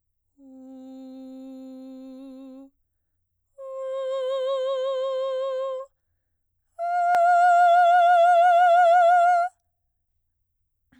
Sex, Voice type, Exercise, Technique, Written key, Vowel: female, soprano, long tones, straight tone, , u